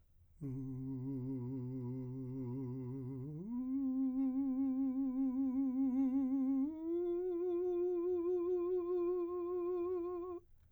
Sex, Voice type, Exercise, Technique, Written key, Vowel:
male, , long tones, full voice pianissimo, , u